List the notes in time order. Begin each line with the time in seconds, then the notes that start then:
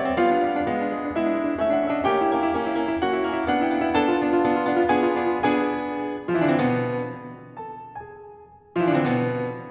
0.00 G3 B3 E5
0.05 D5
0.09 D4 C#5
0.14 D5
0.20 G3 B3 F4 F5
0.31 D4
0.45 G3 B3
0.56 D4
0.64 G#3 B3
0.77 D4
0.88 G#3 B3
1.03 D4
1.14 G#3 B3 E4 E5
1.29 D4
1.42 G#3 B3
1.50 D4
1.61 A3 C#4 E5
1.71 D4
1.82 A3 C#4 F#5
1.88 E5
1.93 E4 D5
1.97 E5
2.04 A3 C#4 G4 G5
2.17 E4
2.32 A3 C#4
2.44 E4
2.59 A3 C#4
2.74 E4
2.84 A3 C#4
2.95 E4
3.03 A3 C#4 F#4 F#5
3.16 E4
3.27 A3 C#4
3.38 E4
3.48 B3 D4 F#5
3.61 E4
3.72 B3 D4 G#5
3.76 F#5
3.85 E4 F5
3.90 F#5
3.95 B3 D4 A4 A5
4.09 F4
4.17 B3 D4
4.28 F4
4.40 B3 D4
4.52 F4
4.66 B3 D4
4.78 F4
4.89 B3 D4 G#4 G#5
5.00 F4
5.11 B3 D4
5.20 F4
5.33 B3 D4 G#4 G#5
6.30 F3 F4
6.37 E3 E4
6.44 D3 D4
6.49 C3 C4
6.56 B2 B3
7.73 A4 A5
7.95 G#4 G#5
8.74 F3 F4
8.80 E3 E4
8.88 D3 D4
8.93 B2 C3 B3 C4